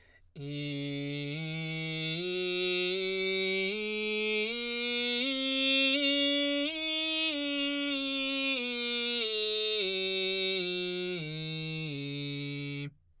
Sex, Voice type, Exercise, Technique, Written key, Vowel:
male, baritone, scales, belt, , i